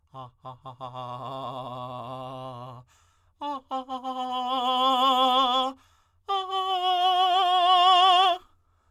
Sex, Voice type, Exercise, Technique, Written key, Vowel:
male, tenor, long tones, trillo (goat tone), , a